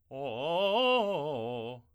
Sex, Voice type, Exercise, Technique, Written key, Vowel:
male, tenor, arpeggios, fast/articulated forte, C major, o